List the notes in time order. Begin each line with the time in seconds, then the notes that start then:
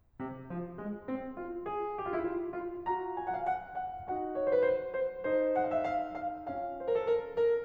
0.00 C3
0.44 F3
0.78 G#3
1.07 C4
1.35 F4
1.67 G#4
2.05 G4
2.10 E4 F4
2.18 F4
2.55 F4
2.87 F4 F#4 A#5
3.22 G#5
3.26 F#5
3.31 F5
3.39 F#5
3.70 F#5
4.01 D#4 F#4 F#5
4.37 C#5
4.42 C5
4.47 B4
4.53 C5
4.85 C5
5.17 D#4 A4 C5
5.65 F#5
5.70 F5
5.75 E5
5.80 F5
6.05 F5
6.33 C#4 F4 F5
6.78 C5
6.83 A#4
6.88 A4
6.93 A#4
7.22 A#4